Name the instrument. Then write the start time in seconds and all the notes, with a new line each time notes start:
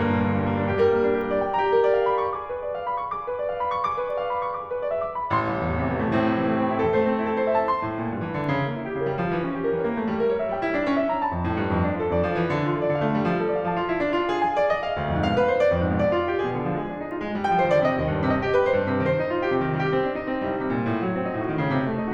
piano
0.00 G2 A#3
0.13 A#2
0.27 D3
0.43 G3 A#3
0.53 D4
0.67 G4
0.78 G3 A#4
0.94 A#3
1.09 D4
1.22 G4 A#4
1.35 D5
1.47 G5
1.60 G4 A#5
1.73 A#4
1.87 D5
2.00 C5 F5
2.07 A#4 B5
2.22 A4 C6
2.38 G#4 D6
2.51 B4
2.62 D5
2.73 F5
2.84 B5
2.98 C6
3.12 G#4 D6
3.26 B4
3.40 D5
3.53 F5
3.68 B5
3.78 C6
3.88 G#4 D6
4.01 B4
4.12 D5
4.17 F5
4.31 B5
4.46 C6
4.60 G#4 D6
4.71 B4
4.81 D5
4.95 F5
5.05 D6
5.20 B5
5.32 A1 C6
5.46 C2
5.62 E2
5.76 A2 C3
5.87 E3
5.98 A3
6.13 A2 C4
6.22 C3
6.39 E3
6.51 A3 C4
6.66 E4
6.83 A4
6.95 A3 C5
7.12 C4
7.24 E4
7.36 A4 C5
7.43 E5
7.56 A5
7.69 C6
7.81 A2
7.95 A#2
8.12 G2
8.27 E3
8.39 D3
8.50 C#3
8.66 A#3
8.80 E4
8.96 C#3 G4
9.07 G3 A#4
9.18 F3
9.29 E3
9.42 C#4
9.55 G4
9.66 E3 A#4
9.78 A#3 C#5
9.93 A3
10.09 G3
10.21 A#4
10.31 C#5
10.44 G3 E5
10.59 E4 G5
10.74 D4
10.84 C#4
10.98 E5
11.12 A#5
11.32 F2 A5
11.48 A2
11.59 G2
11.70 F2
11.80 D4
11.95 F4
12.06 F2 A4
12.21 F3 D5
12.32 E3
12.47 D3
12.64 F4
12.78 A4
12.91 D3 D5
13.08 A3 F5
13.24 G3
13.36 F3
13.49 A4
13.57 D5
13.68 F3 F5
13.79 F4 A5
13.93 E4
14.02 D4
14.18 F4
14.34 G#4
14.44 G#5
14.56 D5
14.70 D#5
14.85 F5
14.97 D2
15.08 F2
15.23 G#2 F5
15.37 B2 B4
15.48 C5
15.63 D5
15.79 F2
15.89 G#2
16.00 B2 D5
16.15 D3 F4
16.30 G4
16.42 G#4
16.53 B2
16.65 D3
16.80 F3 G#4
16.94 G#3 D4
17.04 D#4
17.11 F4
17.22 G#3
17.32 G3
17.47 F3 G5
17.62 D#3 C5
17.74 D3 D5
17.87 C3 D#5
17.98 D#2
18.12 G2
18.29 C3 D#5
18.43 G4
18.53 B4
18.66 C5
18.77 G2
18.94 C3
19.08 D#3 C5
19.20 D#4
19.35 F4
19.44 G4
19.53 C3
19.66 D#3
19.75 G3 G4
19.90 C4
20.03 D4
20.17 D#4
20.28 C4
20.40 G3
20.50 C2
20.60 C3
20.74 A#2
20.89 A2
21.03 F#3
21.20 C4
21.29 A2 D#4
21.43 D#3 F#4
21.57 C#3
21.72 C3
21.87 A3
22.01 D#4